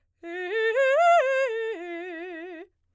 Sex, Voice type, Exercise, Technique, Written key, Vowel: female, soprano, arpeggios, fast/articulated piano, F major, e